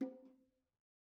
<region> pitch_keycenter=63 lokey=63 hikey=63 volume=26.852326 offset=101 lovel=0 hivel=65 seq_position=1 seq_length=2 ampeg_attack=0.004000 ampeg_release=15.000000 sample=Membranophones/Struck Membranophones/Bongos/BongoL_Hit1_v1_rr1_Mid.wav